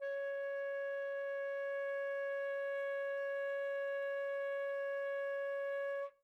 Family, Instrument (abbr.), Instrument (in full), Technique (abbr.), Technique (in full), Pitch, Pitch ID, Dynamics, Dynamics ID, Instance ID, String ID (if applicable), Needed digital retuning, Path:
Winds, Fl, Flute, ord, ordinario, C#5, 73, mf, 2, 0, , FALSE, Winds/Flute/ordinario/Fl-ord-C#5-mf-N-N.wav